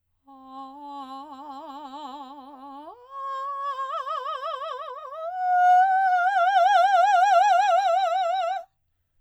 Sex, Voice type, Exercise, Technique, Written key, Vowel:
female, soprano, long tones, trill (upper semitone), , a